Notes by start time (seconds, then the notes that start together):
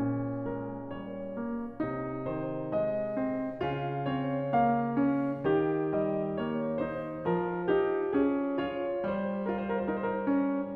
0.00 C#4
0.46 G#3
0.51 A#4
0.91 G3
0.95 C#5
1.20 A#3
1.76 C3 D#4
2.22 D#3
2.30 C5
2.73 G#3
2.90 D#5
3.18 C4
3.55 C#3
3.63 F4
4.14 C4
4.19 C#5
4.42 A#3
4.48 F5
4.91 C#4
5.45 D#3 G4
5.84 G3
5.91 D#5
6.36 A#3
6.42 C#5
6.71 D#4
6.99 C5
7.24 F3
7.29 A#4
7.50 D#4
7.66 G4
8.01 C#4
8.07 G#4
8.59 F4
8.66 C#5
9.18 G3
9.25 C5
9.45 A#4
9.69 F4 C5
9.80 A#4
9.96 C5
10.02 D#4 A#4
10.34 C#4